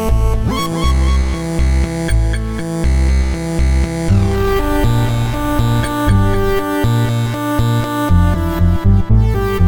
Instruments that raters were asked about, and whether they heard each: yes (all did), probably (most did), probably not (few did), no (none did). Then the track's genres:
bass: probably not
accordion: no
Electronic; Soundtrack; Chiptune